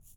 <region> pitch_keycenter=63 lokey=63 hikey=63 volume=20.845443 seq_position=2 seq_length=2 ampeg_attack=0.004000 ampeg_release=30.000000 sample=Idiophones/Struck Idiophones/Shaker, Small/Mid_ShakerDouble_Up_rr2.wav